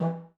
<region> pitch_keycenter=67 lokey=67 hikey=67 volume=5.000000 ampeg_attack=0.004000 ampeg_release=1.000000 sample=Aerophones/Lip Aerophones/Didgeridoo/Didgeridoo1_Short1_Main_rr2.wav